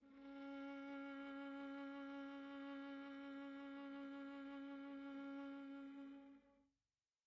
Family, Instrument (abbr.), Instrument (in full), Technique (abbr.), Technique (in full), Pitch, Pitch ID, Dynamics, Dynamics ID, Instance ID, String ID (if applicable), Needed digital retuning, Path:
Strings, Va, Viola, ord, ordinario, C#4, 61, pp, 0, 3, 4, FALSE, Strings/Viola/ordinario/Va-ord-C#4-pp-4c-N.wav